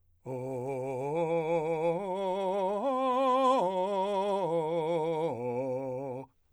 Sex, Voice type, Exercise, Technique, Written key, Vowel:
male, , arpeggios, slow/legato forte, C major, o